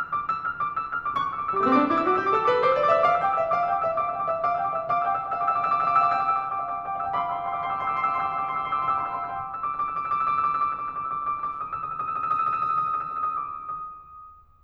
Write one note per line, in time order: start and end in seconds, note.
0.00 0.10 D6
0.10 0.31 E6
0.31 0.58 F6
0.58 0.77 D6
0.78 0.93 E6
0.93 1.10 F6
1.10 1.28 D6
1.28 1.35 C#6
1.32 1.38 D6
1.32 1.43 E6
1.39 1.46 D6
1.39 1.50 E6
1.46 1.53 D6
1.46 1.57 E6
1.53 1.61 D6
1.58 1.66 G3
1.58 1.72 A3
1.58 1.72 D6
1.58 1.66 E6
1.66 1.78 B3
1.66 1.78 E6
1.72 1.83 C4
1.72 1.83 D6
1.78 1.99 D4
1.78 1.88 E6
1.85 1.94 D6
1.85 1.99 E6
1.94 2.03 D6
1.99 2.14 E4
1.99 2.05 E6
2.03 2.08 D6
2.03 2.14 E6
2.08 2.16 D6
2.14 2.24 F#4
2.14 2.19 D6
2.14 2.17 E6
2.14 2.24 E6
2.21 2.32 G4
2.21 2.26 D6
2.21 2.29 E6
2.26 2.30 D6
2.26 2.38 D6
2.26 2.32 E6
2.33 2.48 A4
2.33 2.43 E6
2.38 2.45 D6
2.43 2.51 D6
2.43 2.48 E6
2.48 2.64 B4
2.48 2.59 D6
2.48 2.54 E6
2.54 2.64 E6
2.59 2.68 D6
2.64 2.81 C5
2.64 2.72 E6
2.68 2.76 D6
2.73 2.86 D6
2.73 2.81 E6
2.81 2.98 D5
2.81 2.89 E6
2.86 2.93 D6
2.86 2.98 E6
2.94 3.03 D6
2.98 3.12 E5
2.98 3.07 E6
3.03 3.09 D6
3.03 3.12 E6
3.09 3.27 F5
3.09 3.16 D6
3.09 3.19 E6
3.16 3.24 D6
3.16 3.27 E6
3.24 3.37 G5
3.24 3.30 D6
3.24 3.32 E6
3.30 3.33 D6
3.30 3.39 D6
3.30 3.37 E6
3.37 3.51 E5
3.37 3.46 D6
3.37 3.41 E6
3.42 3.55 D6
3.42 3.51 E6
3.51 3.69 F5
3.51 3.61 E6
3.55 3.65 D6
3.61 3.69 E6
3.66 3.84 G5
3.66 3.72 D6
3.66 3.76 E6
3.72 3.81 D6
3.76 3.84 E6
3.81 3.89 D6
3.85 4.02 E5
3.85 3.98 D6
3.85 3.94 E6
3.94 4.02 E6
3.98 4.14 F5
3.98 4.03 D6
3.98 4.06 E6
4.04 4.10 D6
4.04 4.14 E6
4.10 4.19 D6
4.14 4.28 G5
4.14 4.21 E6
4.19 4.24 D6
4.19 4.28 E6
4.24 4.32 D6
4.28 4.44 E5
4.28 4.40 D6
4.28 4.37 E6
4.37 4.46 D6
4.37 4.44 E6
4.44 4.61 F5
4.44 4.55 D6
4.44 4.50 E6
4.50 4.61 E6
4.55 4.66 D6
4.62 4.82 G5
4.62 4.76 D6
4.62 4.70 E6
4.70 4.82 E6
4.76 4.85 D6
4.82 5.03 E5
4.82 4.90 E6
4.86 4.96 D6
4.86 5.03 E6
4.96 5.07 D6
5.03 5.11 F5
5.03 5.11 E6
5.07 5.15 G5
5.07 5.15 D6
5.12 5.19 F5
5.12 5.24 G5
5.12 5.24 D6
5.12 5.19 E6
5.19 5.26 F5
5.19 5.26 E6
5.24 5.34 F5
5.24 5.29 G5
5.24 5.29 D6
5.24 5.34 E6
5.31 5.45 F5
5.31 5.39 G5
5.31 5.39 D6
5.31 5.45 E6
5.39 5.49 G5
5.39 5.49 D6
5.45 5.51 F5
5.45 5.51 E6
5.49 5.60 F5
5.49 5.55 G5
5.49 5.55 D6
5.49 5.60 E6
5.55 5.65 G5
5.55 5.65 D6
5.60 5.70 F5
5.60 5.70 E6
5.65 5.74 G5
5.65 5.74 D6
5.70 5.78 F5
5.70 5.78 E6
5.75 5.89 F5
5.75 5.83 G5
5.75 5.83 D6
5.75 5.89 E6
5.83 5.93 G5
5.83 5.93 D6
5.89 5.97 F5
5.89 5.97 E6
5.93 6.01 G5
5.93 6.01 D6
5.98 6.05 F5
5.98 6.10 G5
5.98 6.10 D6
5.98 6.05 E6
6.05 6.14 F5
6.05 6.14 E6
6.10 6.18 G5
6.10 6.18 D6
6.14 6.22 F5
6.14 6.22 E6
6.19 6.28 F5
6.19 6.26 G5
6.19 6.26 D6
6.19 6.28 E6
6.26 6.35 F5
6.26 6.33 G5
6.26 6.33 D6
6.26 6.35 E6
6.33 6.44 F5
6.33 6.40 G5
6.33 6.40 D6
6.33 6.44 E6
6.40 6.51 G5
6.40 6.51 D6
6.44 6.57 F5
6.44 6.57 E6
6.51 6.61 G5
6.51 6.61 D6
6.57 6.66 F5
6.57 6.66 E6
6.63 6.79 F5
6.63 6.73 G5
6.63 6.73 D6
6.63 6.79 E6
6.73 6.86 G5
6.73 6.86 D6
6.79 6.90 F5
6.79 6.90 E6
6.86 6.93 G5
6.86 6.93 D6
6.91 6.98 F5
6.91 7.02 G5
6.91 7.02 D6
6.91 6.98 E6
6.98 7.07 F5
6.98 7.07 E6
7.02 7.11 G5
7.02 7.11 D6
7.07 7.15 F5
7.07 7.15 E6
7.12 7.26 F5
7.12 7.21 G5
7.12 7.26 C6
7.12 7.21 D6
7.12 7.26 E6
7.21 7.30 G5
7.21 7.30 B5
7.21 7.30 D6
7.26 7.34 F5
7.26 7.34 C6
7.26 7.34 E6
7.30 7.38 G5
7.30 7.38 B5
7.30 7.38 D6
7.35 7.43 F5
7.35 7.48 G5
7.35 7.48 B5
7.35 7.43 C6
7.35 7.48 D6
7.35 7.43 E6
7.43 7.52 F5
7.43 7.52 C6
7.43 7.52 E6
7.48 7.56 G5
7.48 7.56 B5
7.48 7.56 D6
7.52 7.60 F5
7.52 7.60 C6
7.52 7.60 E6
7.57 7.74 F5
7.57 7.65 G5
7.57 7.65 B5
7.57 7.74 C6
7.57 7.65 D6
7.57 7.74 E6
7.65 7.78 G5
7.65 7.78 B5
7.65 7.78 D6
7.74 7.83 F5
7.74 7.86 G5
7.74 7.86 B5
7.74 7.83 C6
7.74 7.86 D6
7.74 7.83 E6
7.84 7.91 F5
7.84 7.95 G5
7.84 7.95 B5
7.84 7.91 C6
7.84 7.95 D6
7.84 7.91 E6
7.91 8.00 F5
7.91 8.00 C6
7.91 8.00 E6
7.95 8.03 G5
7.95 8.03 B5
7.95 8.03 D6
8.00 8.09 F5
8.00 8.09 C6
8.00 8.09 E6
8.05 8.20 G5
8.05 8.20 B5
8.05 8.20 D6
8.09 8.29 F5
8.09 8.29 C6
8.09 8.29 E6
8.20 8.35 G5
8.20 8.35 B5
8.20 8.35 D6
8.29 8.39 F5
8.29 8.39 C6
8.29 8.39 E6
8.35 8.44 G5
8.35 8.44 B5
8.35 8.44 D6
8.41 8.49 F5
8.41 8.53 G5
8.41 8.53 B5
8.41 8.49 C6
8.41 8.53 D6
8.41 8.49 E6
8.49 8.57 F5
8.49 8.57 C6
8.49 8.57 E6
8.53 8.65 F5
8.53 8.60 G5
8.53 8.60 B5
8.53 8.65 C6
8.53 8.60 D6
8.53 8.65 E6
8.61 8.74 F5
8.61 8.70 G5
8.61 8.70 B5
8.61 8.74 C6
8.61 8.70 D6
8.61 8.74 E6
8.70 8.78 G5
8.70 8.78 B5
8.70 8.78 D6
8.74 8.81 F5
8.74 8.86 G5
8.74 8.86 B5
8.74 8.81 C6
8.74 8.86 D6
8.74 8.81 E6
8.82 8.90 F5
8.82 8.95 G5
8.82 8.95 B5
8.82 8.90 C6
8.82 8.95 D6
8.82 8.90 E6
8.90 9.00 F5
8.90 9.00 C6
8.90 9.00 E6
8.95 9.03 G5
8.95 9.03 B5
8.95 9.03 D6
9.00 9.08 F5
9.00 9.08 C6
9.00 9.08 E6
9.04 9.17 F5
9.04 9.13 G5
9.04 9.13 B5
9.04 9.17 C6
9.04 9.13 D6
9.04 9.17 E6
9.13 9.22 G5
9.13 9.22 B5
9.13 9.22 D6
9.17 9.26 F5
9.17 9.26 C6
9.17 9.26 E6
9.22 9.31 G5
9.22 9.31 B5
9.22 9.31 D6
9.28 9.36 F5
9.28 9.40 G5
9.28 9.40 B5
9.28 9.36 C6
9.28 9.40 D6
9.28 9.36 E6
9.36 9.49 F5
9.36 9.49 C6
9.36 9.49 E6
9.40 9.52 G5
9.40 9.52 B5
9.40 9.52 D6
9.49 9.57 E6
9.53 9.61 D6
9.53 9.66 E6
9.61 9.69 D6
9.66 9.74 D6
9.66 9.72 E6
9.73 9.83 D6
9.73 9.79 E6
9.79 9.86 E6
9.83 9.89 D6
9.83 9.91 E6
9.90 9.96 D6
9.90 10.01 E6
9.96 10.07 D6
10.01 10.10 E6
10.07 10.15 D6
10.11 10.23 D6
10.11 10.18 E6
10.18 10.25 E6
10.23 10.29 D6
10.23 10.32 E6
10.30 10.36 D6
10.30 10.41 E6
10.36 10.48 D6
10.41 10.52 E6
10.48 10.55 D6
10.53 10.63 D6
10.53 10.59 E6
10.59 10.67 E6
10.63 10.70 D6
10.63 10.74 E6
10.70 10.83 D6
10.70 10.88 E6
10.83 10.95 D6
10.88 10.98 E6
10.95 11.03 D6
10.99 11.10 D6
10.99 11.08 E6
11.08 11.18 D6
11.08 11.15 E6
11.15 11.20 E6
11.19 11.25 D6
11.19 11.28 E6
11.25 11.31 D6
11.25 11.33 E6
11.31 11.38 D6
11.31 11.42 E6
11.38 11.47 D6
11.42 11.49 E6
11.47 11.51 D#6
11.47 11.54 E6
11.52 11.59 D#6
11.52 11.62 E6
11.59 11.67 D#6
11.59 11.70 E6
11.67 11.75 D#6
11.71 11.87 D#6
11.71 11.80 E6
11.80 11.91 E6
11.87 11.94 D#6
11.91 12.02 D#6
11.91 11.98 E6
11.98 12.11 D#6
11.98 12.06 E6
12.06 12.14 E6
12.11 12.18 D#6
12.16 12.27 D#6
12.16 12.23 E6
12.23 12.32 E6
12.27 12.35 D#6
12.32 12.43 D#6
12.32 12.39 E6
12.39 12.47 E6
12.43 12.52 D#6
12.43 12.55 E6
12.52 12.59 D#6
12.56 12.65 D#6
12.56 12.61 E6
12.61 12.70 E6
12.65 12.74 D#6
12.70 12.77 E6
12.75 12.82 D#6
12.75 12.86 E6
12.82 12.91 D#6
12.86 12.93 E6
12.91 12.96 D#6
12.91 12.97 E6
12.96 13.01 D#6
12.96 13.06 E6
13.01 13.10 D#6
13.06 13.12 E6
13.11 13.26 C#6
13.11 13.17 D#6
13.21 13.96 D#6